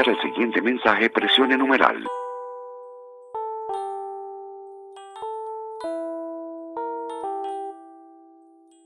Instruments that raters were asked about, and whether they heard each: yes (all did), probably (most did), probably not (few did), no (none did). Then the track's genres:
ukulele: no
Trip-Hop; Chill-out